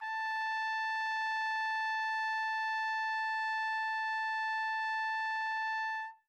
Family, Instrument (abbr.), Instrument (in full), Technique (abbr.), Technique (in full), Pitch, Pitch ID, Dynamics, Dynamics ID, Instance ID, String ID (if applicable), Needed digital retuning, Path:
Brass, TpC, Trumpet in C, ord, ordinario, A5, 81, mf, 2, 0, , FALSE, Brass/Trumpet_C/ordinario/TpC-ord-A5-mf-N-N.wav